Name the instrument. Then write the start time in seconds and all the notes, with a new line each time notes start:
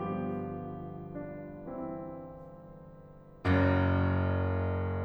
piano
0.01 G1 G2 F3 G4
1.16 D4
1.64 E3 C4 E4
3.44 F#1 F#2